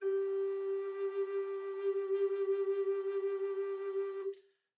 <region> pitch_keycenter=67 lokey=67 hikey=68 tune=-3 volume=13.278873 offset=582 ampeg_attack=0.004000 ampeg_release=0.300000 sample=Aerophones/Edge-blown Aerophones/Baroque Bass Recorder/SusVib/BassRecorder_SusVib_G3_rr1_Main.wav